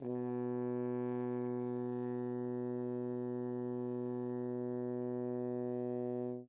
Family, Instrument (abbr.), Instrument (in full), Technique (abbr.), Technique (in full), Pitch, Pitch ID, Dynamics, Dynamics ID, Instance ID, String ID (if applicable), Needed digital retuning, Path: Brass, Hn, French Horn, ord, ordinario, B2, 47, mf, 2, 0, , FALSE, Brass/Horn/ordinario/Hn-ord-B2-mf-N-N.wav